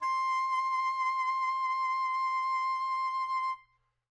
<region> pitch_keycenter=84 lokey=84 hikey=85 tune=-2 volume=18.647163 ampeg_attack=0.004000 ampeg_release=0.500000 sample=Aerophones/Reed Aerophones/Tenor Saxophone/Vibrato/Tenor_Vib_Main_C5_var2.wav